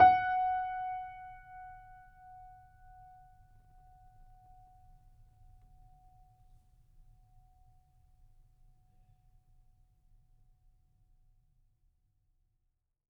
<region> pitch_keycenter=78 lokey=78 hikey=79 volume=1.462642 lovel=66 hivel=99 locc64=0 hicc64=64 ampeg_attack=0.004000 ampeg_release=0.400000 sample=Chordophones/Zithers/Grand Piano, Steinway B/NoSus/Piano_NoSus_Close_F#5_vl3_rr1.wav